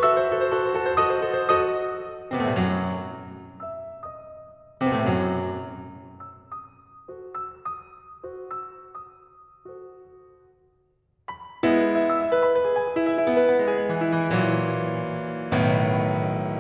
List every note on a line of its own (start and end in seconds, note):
0.00 0.13 F#4
0.00 0.13 A4
0.00 1.01 E5
0.00 1.01 E6
0.14 0.23 C5
0.23 0.38 F#4
0.23 0.38 A4
0.38 0.50 C5
0.55 0.65 F#4
0.55 0.65 A4
0.65 0.75 C5
0.79 0.91 F#4
0.79 0.91 A4
0.91 1.01 C5
1.01 1.13 F#4
1.01 1.13 A4
1.01 1.54 D#5
1.01 1.54 D#6
1.14 1.27 C5
1.27 1.40 F#4
1.27 1.40 A4
1.40 1.54 C5
1.56 2.05 F#4
1.56 2.05 A4
1.56 2.05 D#5
1.56 2.05 D#6
2.32 2.46 C3
2.32 2.46 C4
2.43 2.52 B2
2.43 2.52 B3
2.47 2.57 A2
2.47 2.57 A3
2.52 2.57 G2
2.52 2.57 G3
2.57 3.26 F#2
2.57 3.26 F#3
3.67 3.94 E5
3.67 3.94 E6
3.94 4.56 D#5
3.94 4.56 D#6
4.85 4.96 C3
4.85 4.96 C4
4.91 5.00 B2
4.91 5.00 B3
4.97 5.06 G2
4.97 5.06 A2
4.97 5.06 G3
4.97 5.06 A3
5.06 6.23 F#2
5.06 6.23 F#3
6.49 6.69 E6
6.69 7.09 D#6
7.11 7.62 F#4
7.11 7.62 A4
7.11 7.62 C5
7.36 7.62 E6
7.62 8.27 D#6
8.27 8.93 F#4
8.27 8.93 A4
8.27 8.93 C5
8.46 8.93 E6
8.93 9.65 D#6
9.65 10.10 F#4
9.65 10.10 A4
9.65 10.10 C5
11.38 11.61 B5
11.62 12.23 G#3
11.62 12.23 B3
11.62 12.23 E4
11.88 12.07 E5
11.99 12.23 E6
12.07 12.36 E5
12.23 12.42 B4
12.36 12.57 B5
12.46 12.67 B4
12.57 12.81 G#4
12.67 12.89 G#5
12.81 12.98 G#4
12.92 13.11 E4
12.98 13.20 E5
13.11 13.26 E4
13.20 13.48 B3
13.28 13.57 B4
13.48 13.75 B3
13.57 13.84 G#3
13.75 13.91 G#4
13.85 13.98 G#3
13.91 14.14 E3
13.98 14.21 E4
14.15 14.21 E3
14.22 15.46 A#2
14.22 15.46 E3
14.22 15.46 F#3
15.46 16.60 B1
15.46 16.60 A2
15.46 16.60 D#3
15.46 16.60 B3